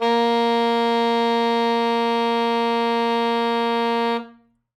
<region> pitch_keycenter=58 lokey=58 hikey=60 tune=1 volume=7.354115 lovel=84 hivel=127 ampeg_attack=0.004000 ampeg_release=0.500000 sample=Aerophones/Reed Aerophones/Saxello/Non-Vibrato/Saxello_SusNV_MainSpirit_A#2_vl3_rr1.wav